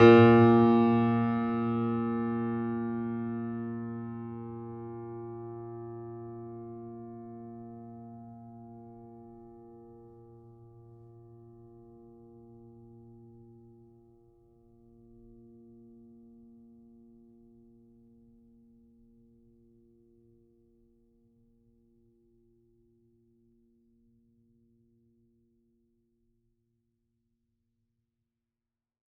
<region> pitch_keycenter=46 lokey=46 hikey=47 volume=0.292002 lovel=66 hivel=99 locc64=65 hicc64=127 ampeg_attack=0.004000 ampeg_release=0.400000 sample=Chordophones/Zithers/Grand Piano, Steinway B/Sus/Piano_Sus_Close_A#2_vl3_rr1.wav